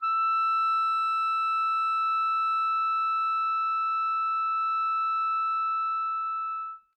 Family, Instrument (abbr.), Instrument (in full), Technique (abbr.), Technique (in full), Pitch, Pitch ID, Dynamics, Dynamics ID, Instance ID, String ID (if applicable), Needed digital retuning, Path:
Winds, ClBb, Clarinet in Bb, ord, ordinario, E6, 88, mf, 2, 0, , TRUE, Winds/Clarinet_Bb/ordinario/ClBb-ord-E6-mf-N-T19d.wav